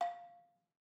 <region> pitch_keycenter=77 lokey=75 hikey=80 volume=12.579817 offset=198 lovel=100 hivel=127 ampeg_attack=0.004000 ampeg_release=30.000000 sample=Idiophones/Struck Idiophones/Balafon/Soft Mallet/EthnicXylo_softM_F4_vl3_rr1_Mid.wav